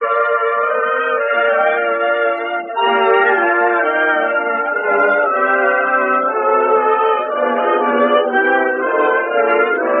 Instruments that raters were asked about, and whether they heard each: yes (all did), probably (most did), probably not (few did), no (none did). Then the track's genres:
trumpet: probably
trombone: no
Classical; Old-Time / Historic